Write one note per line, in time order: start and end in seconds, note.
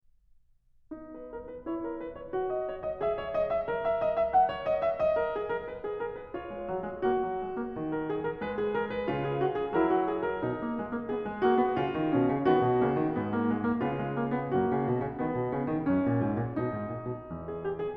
0.03 6.54 B3
0.03 1.61 D#4
1.01 1.24 B4
1.24 1.49 A#4
1.49 1.61 B4
1.61 2.34 E4
1.61 1.83 C#5
1.83 1.96 A#4
1.96 2.18 B4
2.18 2.34 C#5
2.34 3.01 F#4
2.50 2.66 D#5
2.66 2.83 C#5
2.83 3.01 D#5
3.01 3.67 G#4
3.01 3.17 E5
3.17 3.32 C#5
3.32 3.51 D#5
3.51 3.67 E5
3.67 6.33 A#4
3.92 4.03 E5
4.03 4.13 D#5
4.13 4.33 E5
4.33 4.49 F#5
4.49 4.68 C#5
4.68 4.85 D#5
4.85 5.00 E5
5.00 6.33 D#5
5.19 5.36 A#4
5.36 5.51 G#4
5.51 5.62 A#4
5.62 5.83 B4
5.83 5.97 G#4
5.97 6.13 A#4
6.13 6.33 B4
6.33 7.02 F4
6.33 7.92 C#5
6.54 6.66 G#3
6.66 6.83 F#3
6.83 7.02 G#3
7.02 7.21 A#3
7.02 9.09 F#4
7.21 7.42 F#3
7.42 7.59 G#3
7.59 7.74 A#3
7.74 8.43 D#3
7.92 8.06 A#4
8.06 8.24 G#4
8.24 8.43 A#4
8.43 9.09 G#3
8.43 8.59 B4
8.59 8.73 G#4
8.73 8.89 A#4
8.89 9.23 B4
9.09 9.76 C#3
9.09 9.76 F4
9.23 9.40 G#4
9.40 9.58 F#4
9.58 9.76 G#4
9.76 10.44 F#3
9.76 10.44 E4
9.76 9.90 A#4
9.90 10.07 F#4
10.07 10.24 G#4
10.24 11.10 A#4
10.44 10.60 B2
10.44 12.13 D#4
10.60 10.77 A#3
10.77 10.90 G#3
10.90 11.10 A#3
11.10 11.24 B3
11.10 11.44 G#4
11.24 11.44 G#3
11.44 11.60 A#3
11.44 11.77 F#4
11.60 11.77 B3
11.77 11.96 C#3
11.77 12.47 F4
11.96 12.13 D#3
12.13 12.34 B2
12.13 12.47 C#4
12.34 12.47 C#3
12.47 12.63 D#3
12.47 12.81 B3
12.47 13.83 F#4
12.63 12.81 B2
12.81 12.96 C#3
12.81 13.19 A#3
12.96 13.19 D#3
13.19 13.83 G#2
13.19 13.35 B3
13.35 13.52 A#3
13.52 13.64 G#3
13.64 13.83 A#3
13.83 14.57 C#3
13.83 13.99 B3
13.83 14.57 F4
13.99 14.14 G#3
14.14 14.34 A#3
14.34 14.57 B3
14.57 14.71 F#2
14.57 15.19 A#3
14.57 17.31 F#4
14.71 14.86 C#3
14.86 14.98 B2
14.98 15.19 C#3
15.19 15.37 D#3
15.19 15.87 B3
15.37 15.50 B2
15.50 15.66 C#3
15.66 15.87 D#3
15.87 16.06 F#2
15.87 16.58 C#4
16.06 16.22 A#2
16.22 16.37 G#2
16.37 16.58 A#2
16.58 16.74 B2
16.58 17.96 D#4
16.74 16.88 G#2
16.88 17.10 A#2
17.10 17.31 B2
17.31 17.96 E2
17.48 17.63 G#4
17.63 17.80 G4
17.80 17.96 G#4